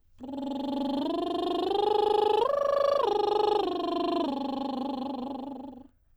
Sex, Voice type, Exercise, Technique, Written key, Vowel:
female, soprano, arpeggios, lip trill, , o